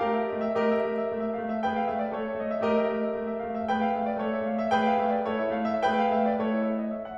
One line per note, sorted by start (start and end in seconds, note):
0.00 0.27 A3
0.00 0.53 G4
0.00 0.53 A#4
0.00 0.13 F5
0.14 0.39 E5
0.28 0.53 A3
0.28 0.53 D#5
0.41 0.69 E5
0.55 0.85 A3
0.55 1.63 G4
0.55 1.63 A#4
0.55 0.85 D#5
0.70 1.00 E5
0.86 1.11 A3
0.86 1.11 D#5
1.00 1.22 E5
1.13 1.37 A3
1.13 1.37 D#5
1.23 1.50 E5
1.38 1.63 A3
1.38 1.63 F5
1.51 1.76 E5
1.65 1.90 A3
1.65 2.12 G#4
1.65 2.12 B4
1.65 1.90 G5
1.79 1.99 F5
1.90 2.12 A3
1.90 2.12 E5
1.99 2.25 D5
2.12 2.39 A3
2.12 2.66 E4
2.12 2.66 A4
2.12 2.39 C#5
2.26 2.51 E5
2.39 2.66 A3
2.39 2.66 D#5
2.52 2.77 E5
2.67 2.82 A3
2.67 3.66 G4
2.67 3.66 A#4
2.67 2.82 D#5
2.77 2.94 E5
2.82 3.10 A3
2.82 3.10 D#5
2.96 3.27 E5
3.11 3.39 A3
3.11 3.39 D#5
3.29 3.55 E5
3.40 3.66 A3
3.40 3.66 F5
3.56 3.81 E5
3.67 3.95 A3
3.67 4.17 G#4
3.67 4.17 B4
3.67 3.95 G5
3.82 4.10 F5
3.96 4.17 A3
3.96 4.17 E5
4.11 4.30 D5
4.18 4.42 A3
4.18 4.42 E4
4.18 4.70 A4
4.18 4.42 C#5
4.30 4.57 E5
4.44 4.70 A3
4.44 4.70 F5
4.60 4.83 E5
4.73 4.98 A3
4.73 5.32 G#4
4.73 5.32 B4
4.73 4.98 G5
4.85 5.15 F5
5.00 5.32 A3
5.00 5.32 E5
5.17 5.45 D5
5.33 5.58 A3
5.33 5.58 E4
5.33 5.86 A4
5.33 5.58 C#5
5.46 5.72 E5
5.60 5.86 A3
5.60 5.86 F5
5.74 6.01 E5
5.87 6.14 A3
5.87 6.36 G#4
5.87 6.36 B4
5.87 6.14 G5
6.04 6.21 F5
6.14 6.36 A3
6.14 6.36 E5
6.22 6.47 D5
6.37 6.91 A3
6.37 6.91 E4
6.37 6.91 A4
6.37 6.61 C#5
6.48 6.77 D#5
6.62 6.91 E5
6.78 7.05 D#5
6.92 7.17 E5
7.06 7.17 F#5